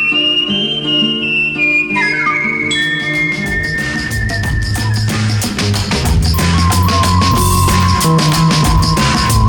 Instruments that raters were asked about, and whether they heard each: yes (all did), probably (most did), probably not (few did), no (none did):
flute: yes
mallet percussion: probably